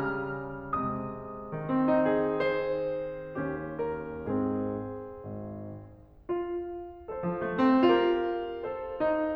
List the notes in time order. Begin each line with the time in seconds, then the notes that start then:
0.02 C#3 G3 F6
0.82 C3 G#3 D#6
1.53 D#3
1.74 C4
1.90 D#4
2.12 G#4
2.33 C5
3.39 D#2 C#4 G4
3.78 A#4
4.26 G#2 C4 G#4
5.27 G#1
6.30 F4
7.11 A4 C5
7.27 F3
7.43 A3
7.59 C4
7.87 F4 G4 A#4
8.67 A4 C5
9.06 D#4